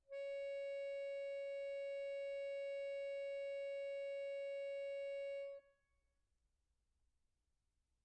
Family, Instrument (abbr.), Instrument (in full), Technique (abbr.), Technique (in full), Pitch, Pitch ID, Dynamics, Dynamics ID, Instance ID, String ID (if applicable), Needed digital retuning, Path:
Keyboards, Acc, Accordion, ord, ordinario, C#5, 73, pp, 0, 2, , FALSE, Keyboards/Accordion/ordinario/Acc-ord-C#5-pp-alt2-N.wav